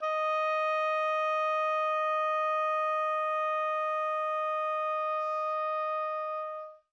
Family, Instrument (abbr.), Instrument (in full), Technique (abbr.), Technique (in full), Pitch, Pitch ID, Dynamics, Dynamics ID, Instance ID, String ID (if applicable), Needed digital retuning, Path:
Winds, Ob, Oboe, ord, ordinario, D#5, 75, mf, 2, 0, , FALSE, Winds/Oboe/ordinario/Ob-ord-D#5-mf-N-N.wav